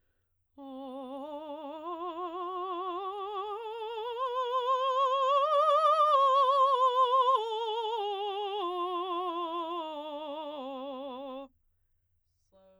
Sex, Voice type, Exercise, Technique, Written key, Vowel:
female, soprano, scales, slow/legato forte, C major, o